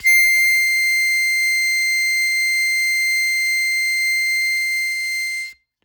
<region> pitch_keycenter=96 lokey=95 hikey=98 tune=-2 volume=3.763967 trigger=attack ampeg_attack=0.100000 ampeg_release=0.100000 sample=Aerophones/Free Aerophones/Harmonica-Hohner-Special20-F/Sustains/Accented/Hohner-Special20-F_Accented_C6.wav